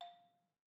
<region> pitch_keycenter=77 lokey=75 hikey=80 volume=26.448957 offset=184 lovel=0 hivel=65 ampeg_attack=0.004000 ampeg_release=30.000000 sample=Idiophones/Struck Idiophones/Balafon/Hard Mallet/EthnicXylo_hardM_F4_vl1_rr1_Mid.wav